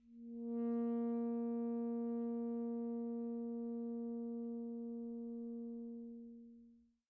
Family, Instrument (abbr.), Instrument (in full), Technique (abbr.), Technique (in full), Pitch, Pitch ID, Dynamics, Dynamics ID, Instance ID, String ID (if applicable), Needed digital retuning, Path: Winds, ASax, Alto Saxophone, ord, ordinario, A#3, 58, pp, 0, 0, , FALSE, Winds/Sax_Alto/ordinario/ASax-ord-A#3-pp-N-N.wav